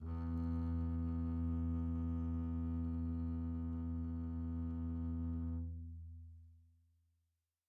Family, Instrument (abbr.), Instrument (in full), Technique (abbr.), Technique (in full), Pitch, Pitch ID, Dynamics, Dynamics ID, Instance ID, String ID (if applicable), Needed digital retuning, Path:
Strings, Cb, Contrabass, ord, ordinario, E2, 40, pp, 0, 2, 3, FALSE, Strings/Contrabass/ordinario/Cb-ord-E2-pp-3c-N.wav